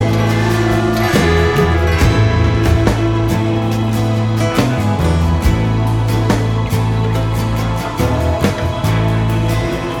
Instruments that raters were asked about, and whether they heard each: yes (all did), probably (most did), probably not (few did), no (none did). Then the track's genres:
trombone: no
trumpet: no
Folk; New Age